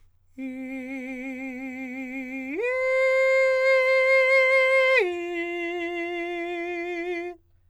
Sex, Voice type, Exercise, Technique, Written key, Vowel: male, countertenor, long tones, full voice forte, , i